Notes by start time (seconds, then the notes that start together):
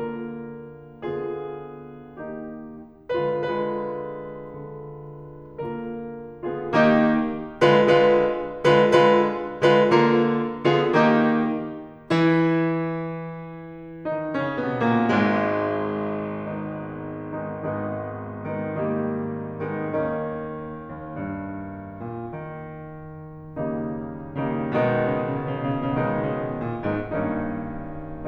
0.00 D3 A#3 F4 A#4
1.02 D3 B3 F4 G#4
2.19 D#3 A#3 D#4 G4
3.23 D3 G#3 F4 B4
3.53 D3 G#3 F4 B4
4.56 D3
5.65 D3 G#3 F4 A#4
6.44 D3 B3 F4 G#4
6.72 D#3 A#3 D#4 G4
7.62 D3 G#3 F4 B4
7.93 D3 G#3 F4 B4
8.78 D3 G#3 F4 B4
9.03 D3 G#3 F4 B4
9.78 D3 G#3 F4 B4
9.97 D3 A#3 F4 A#4
10.77 D3 B3 F4 G#4
11.03 D#3 A#3 D#4 G4
12.04 E3 E4
14.12 D#3 D#4
14.36 C#3 C#4
14.65 B2 B3
14.86 A#2 A#3
15.08 G#1 G#2 G#3
15.95 D#3 G#3 B3 D#4
16.61 D#3 G#3 B3 D#4
17.03 G#1 D#3 G#3 B3 D#4
18.17 D#3 G#3 B3 D#4
18.49 D#3 G3 A#3 D#4
19.61 D#3 G#3 B3 D#4
20.03 D#2 D#3 A#3 C#4 D#4
20.92 D#2
21.22 G2
21.98 A#2
22.49 D#3
23.55 D#3 G3 A#3 D#4
24.59 D#3 G3 A#3 D#4
24.78 B2 D#3 G#3 B3 D#4
24.82 C#3
24.87 B2
24.93 C#3
25.01 B2
25.05 C#3
25.10 B2 C#3
25.18 B2
25.23 C#3
25.27 B2
25.33 B2 C#3
25.41 C#3
25.52 B2
25.65 C#3
26.04 B2 D#3 G#3 B3 D#4
26.12 C#3
26.19 B2
26.25 C#3
26.30 B2
26.37 C#3
26.42 A#2
26.47 A#2 B2
26.76 G#2 D#3 G#3 B3 D#4
26.98 G2 D#3 A#3 C#4 D#4